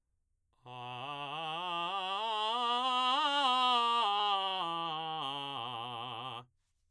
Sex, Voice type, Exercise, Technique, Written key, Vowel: male, baritone, scales, belt, , a